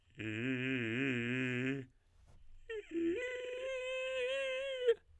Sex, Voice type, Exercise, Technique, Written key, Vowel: male, tenor, long tones, inhaled singing, , i